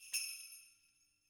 <region> pitch_keycenter=63 lokey=63 hikey=63 volume=15.000000 ampeg_attack=0.004000 ampeg_release=1.000000 sample=Idiophones/Struck Idiophones/Sleigh Bells/sleighbell2_hit_2.wav